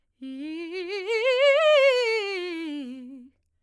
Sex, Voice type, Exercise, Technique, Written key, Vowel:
female, soprano, scales, fast/articulated piano, C major, i